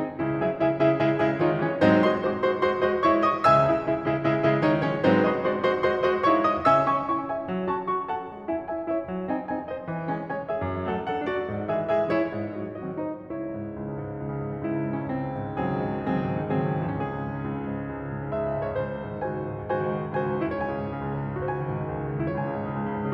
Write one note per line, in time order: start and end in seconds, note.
0.00 0.23 D#3
0.00 0.23 G#3
0.00 0.23 C4
0.00 0.23 D#4
0.23 0.45 C#2
0.23 0.45 C#3
0.23 0.45 C#4
0.23 0.45 E4
0.46 0.62 C#3
0.46 0.62 G#3
0.46 0.62 E4
0.46 0.62 G#4
0.46 0.62 E5
0.63 0.85 C#3
0.63 0.85 G#3
0.63 0.85 E4
0.63 0.85 G#4
0.63 0.85 E5
0.85 1.04 C#3
0.85 1.04 G#3
0.85 1.04 E4
0.85 1.04 G#4
0.85 1.04 E5
1.04 1.21 C#3
1.04 1.21 G#3
1.04 1.21 E4
1.04 1.21 G#4
1.04 1.21 E5
1.22 1.39 C#3
1.22 1.39 G#3
1.22 1.39 E4
1.22 1.39 G#4
1.22 1.39 E5
1.39 1.59 D#3
1.39 1.59 G#3
1.39 1.59 D#4
1.39 1.59 F#4
1.39 1.59 D#5
1.59 1.81 E3
1.59 1.81 G#3
1.59 1.81 C#4
1.59 1.81 E4
1.59 1.81 C#5
1.82 2.05 G#2
1.82 2.05 F#3
1.82 2.05 G#3
1.82 2.05 C4
1.82 2.05 D#4
1.82 2.05 C5
2.05 2.36 G#3
2.05 2.36 F#4
2.05 2.36 C5
2.05 2.36 D#5
2.05 2.36 C6
2.36 2.55 G#3
2.36 2.55 F#4
2.36 2.55 C5
2.36 2.55 D#5
2.36 2.55 C6
2.57 2.75 G#3
2.57 2.75 F#4
2.57 2.75 C5
2.57 2.75 D#5
2.57 2.75 C6
2.75 2.96 G#3
2.75 2.96 F#4
2.75 2.96 C5
2.75 2.96 D#5
2.75 2.96 C6
2.96 3.12 G#3
2.96 3.12 F#4
2.96 3.12 C5
2.96 3.12 D#5
2.96 3.12 C6
3.13 3.32 G#3
3.13 3.32 E4
3.13 3.32 C#5
3.13 3.32 E5
3.13 3.32 C#6
3.32 3.55 G#3
3.32 3.55 D#4
3.32 3.55 D#5
3.32 3.55 F#5
3.32 3.55 D#6
3.55 3.74 C#2
3.55 3.74 C#3
3.55 3.74 E5
3.55 3.74 G#5
3.55 3.74 E6
3.75 3.94 C#3
3.75 3.94 G#3
3.75 3.94 E4
3.75 3.94 G#4
3.75 3.94 E5
3.94 4.14 C#3
3.94 4.14 G#3
3.94 4.14 E4
3.94 4.14 G#4
3.94 4.14 E5
4.14 4.32 C#3
4.14 4.32 G#3
4.14 4.32 E4
4.14 4.32 G#4
4.14 4.32 E5
4.33 4.47 C#3
4.33 4.47 G#3
4.33 4.47 E4
4.33 4.47 G#4
4.33 4.47 E5
4.47 4.62 C#3
4.47 4.62 G#3
4.47 4.62 E4
4.47 4.62 G#4
4.47 4.62 E5
4.62 4.81 D#3
4.62 4.81 G#3
4.62 4.81 D#4
4.62 4.81 F#4
4.62 4.81 D#5
4.82 5.00 E3
4.82 5.00 G#3
4.82 5.00 C#4
4.82 5.00 E4
4.82 5.00 C#5
5.00 5.24 G#2
5.00 5.24 F#3
5.00 5.24 G#3
5.00 5.24 C4
5.00 5.24 D#4
5.00 5.24 C5
5.25 5.45 G#3
5.25 5.45 F#4
5.25 5.45 C5
5.25 5.45 D#5
5.25 5.45 C6
5.46 5.71 G#3
5.46 5.71 F#4
5.46 5.71 C5
5.46 5.71 D#5
5.46 5.71 C6
5.71 5.93 G#3
5.71 5.93 F#4
5.71 5.93 C5
5.71 5.93 D#5
5.71 5.93 C6
5.93 6.10 G#3
5.93 6.10 F#4
5.93 6.10 C5
5.93 6.10 D#5
5.93 6.10 C6
6.10 6.27 G#3
6.10 6.27 F#4
6.10 6.27 C5
6.10 6.27 D#5
6.10 6.27 C6
6.27 6.46 G#3
6.27 6.46 E4
6.27 6.46 C#5
6.27 6.46 E5
6.27 6.46 C#6
6.46 6.63 G#3
6.46 6.63 D#4
6.46 6.63 D#5
6.46 6.63 F#5
6.46 6.63 D#6
6.64 7.05 C#3
6.64 6.82 C#4
6.64 7.05 E5
6.64 6.82 G#5
6.64 7.05 E6
6.82 7.05 C#4
6.82 7.05 E4
6.82 7.05 G#5
6.82 7.05 C#6
7.05 7.27 C#4
7.05 7.27 E4
7.05 7.27 G#5
7.05 7.27 C#6
7.27 7.50 E4
7.27 7.50 G#4
7.27 7.50 E5
7.27 7.50 G#5
7.50 7.71 F#3
7.72 7.93 C#4
7.72 7.93 F#4
7.72 7.93 A5
7.72 7.93 C#6
7.93 8.15 C#4
7.93 8.15 F#4
7.93 8.15 A5
7.93 8.15 C#6
8.16 8.34 F#4
8.16 8.34 A4
8.16 8.34 F#5
8.16 8.34 A5
8.34 8.49 G#3
8.50 8.70 C#4
8.50 8.70 E4
8.50 8.70 E5
8.50 8.70 G#5
8.70 8.88 C#4
8.70 8.88 E4
8.70 8.88 E5
8.70 8.88 G#5
8.89 9.04 E4
8.89 9.04 G#4
8.89 9.04 C#5
8.89 9.04 E5
9.04 9.28 F#3
9.29 9.47 C4
9.29 9.47 D#4
9.29 9.47 D#5
9.29 9.47 G#5
9.47 9.67 C4
9.47 9.67 D#4
9.47 9.67 D#5
9.47 9.67 G#5
9.68 9.88 D#4
9.68 9.88 G#4
9.68 9.88 C5
9.68 9.88 D#5
9.88 10.10 E3
10.10 10.30 G#3
10.10 10.30 C#4
10.10 10.30 C#5
10.10 10.30 G#5
10.31 10.50 G#3
10.31 10.50 C#4
10.31 10.50 C#5
10.31 10.50 G#5
10.50 10.62 C#4
10.50 10.62 E4
10.50 10.62 G#4
10.50 10.62 E5
10.62 10.84 F#2
10.86 11.01 F#3
10.86 11.01 A3
10.86 11.01 A4
10.86 11.01 F#5
11.01 11.17 F#3
11.01 11.17 A3
11.01 11.17 A4
11.01 11.17 F#5
11.17 11.39 A3
11.17 11.39 D4
11.17 11.39 F#4
11.17 11.39 D5
11.40 11.62 G#2
11.62 11.82 E3
11.62 11.82 G#3
11.62 11.82 G#4
11.62 11.82 E5
11.83 12.03 E3
11.83 12.03 G#3
11.83 12.03 G#4
11.83 12.03 E5
12.03 12.20 G#3
12.03 12.20 C#4
12.03 12.20 E4
12.03 12.20 C#5
12.20 12.53 G#2
12.53 12.78 D#3
12.53 12.78 F#3
12.53 12.78 F#4
12.53 12.78 D#5
12.79 13.01 D#3
12.79 13.01 F#3
12.79 13.01 F#4
12.79 13.01 D#5
13.01 13.25 F#3
13.01 13.25 C4
13.01 13.25 D#4
13.01 13.25 C5
13.25 13.47 C#2
13.25 13.69 E4
13.25 13.69 C#5
13.36 13.57 C#3
13.48 13.69 G#2
13.57 13.83 C#3
13.69 13.96 C#2
13.83 14.07 C#3
13.97 14.15 G#2
14.07 14.25 C#3
14.15 14.35 C#2
14.25 14.49 C#3
14.35 14.63 G#2
14.49 14.72 C#3
14.64 14.83 C#2
14.64 15.03 E4
14.73 14.92 C#3
14.84 15.03 G#2
14.93 15.15 C#3
14.93 15.15 C#4
15.03 15.26 C#2
15.03 15.44 C4
15.15 15.35 D#3
15.26 15.44 G#2
15.35 15.56 D#3
15.44 15.70 C#2
15.44 15.88 F#3
15.44 15.88 C4
15.44 15.88 G#4
15.56 15.79 D#3
15.70 15.88 G#2
15.79 15.98 D#3
15.88 16.06 C#2
15.88 16.25 F#3
15.88 16.25 C4
15.88 16.25 G#4
15.99 16.16 D#3
16.07 16.25 G#2
16.17 16.39 D#3
16.28 16.61 C#2
16.28 16.82 F#3
16.28 16.82 C4
16.28 16.82 G#4
16.40 16.73 D#3
16.61 16.82 G#2
16.73 16.92 D#3
16.82 17.02 C#2
16.82 17.28 E3
16.87 17.28 C#4
16.92 17.17 C#3
16.92 18.31 G#4
17.02 17.28 G#2
17.17 17.41 C#3
17.28 17.52 C#2
17.41 17.68 C#3
17.52 17.90 G#2
17.75 18.01 C#3
17.91 18.09 C#2
18.02 18.22 C#3
18.10 18.31 G#2
18.22 18.43 C#3
18.31 18.51 C#2
18.31 18.77 E5
18.43 18.68 C#3
18.51 18.77 G#2
18.68 18.89 C#3
18.68 18.89 C#5
18.77 18.98 C#2
18.77 19.21 C5
18.89 19.09 D#3
18.98 19.21 G#2
19.09 19.32 D#3
19.23 19.41 C#2
19.23 19.64 F#4
19.23 19.64 C5
19.23 19.64 G#5
19.33 19.50 D#3
19.42 19.64 G#2
19.52 19.75 D#3
19.64 19.84 C#2
19.64 20.03 F#4
19.64 20.03 C5
19.64 20.03 G#5
19.75 19.93 D#3
19.84 20.03 G#2
19.93 20.13 D#3
20.03 20.22 C#2
20.03 20.45 F#4
20.03 20.45 C5
20.03 20.45 G#5
20.13 20.34 D#3
20.22 20.45 G#2
20.34 20.61 D#3
20.45 20.70 C#2
20.45 21.34 E4
20.49 21.34 C#5
20.62 20.79 C#3
20.62 21.34 G#5
20.71 20.91 G#2
20.82 21.04 C#3
20.92 21.14 C#2
21.05 21.22 C#3
21.14 21.34 G#2
21.22 21.43 C#3
21.34 21.52 C#2
21.34 22.21 F#4
21.39 22.21 C5
21.43 21.59 D#3
21.43 22.21 G#5
21.52 21.70 G#2
21.59 21.85 D#3
21.70 21.98 C#2
21.85 22.11 D#3
21.98 22.21 G#2
22.12 22.40 D#3
22.22 22.49 C#2
22.22 23.14 E4
22.34 23.14 C#5
22.41 22.62 C#3
22.41 23.14 G#5
22.50 22.73 G#2
22.62 22.83 C#3
22.73 22.95 C#2
22.83 23.05 C#3
22.95 23.14 G#2
23.05 23.14 C#3